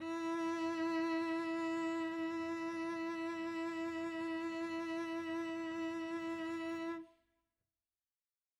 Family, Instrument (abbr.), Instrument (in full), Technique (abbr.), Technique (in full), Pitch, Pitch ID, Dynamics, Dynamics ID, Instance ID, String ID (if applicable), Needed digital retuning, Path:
Strings, Vc, Cello, ord, ordinario, E4, 64, mf, 2, 1, 2, FALSE, Strings/Violoncello/ordinario/Vc-ord-E4-mf-2c-N.wav